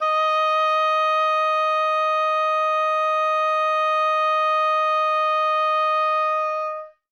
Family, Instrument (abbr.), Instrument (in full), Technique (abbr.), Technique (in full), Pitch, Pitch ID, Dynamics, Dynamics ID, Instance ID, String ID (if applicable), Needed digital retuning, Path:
Winds, Ob, Oboe, ord, ordinario, D#5, 75, ff, 4, 0, , FALSE, Winds/Oboe/ordinario/Ob-ord-D#5-ff-N-N.wav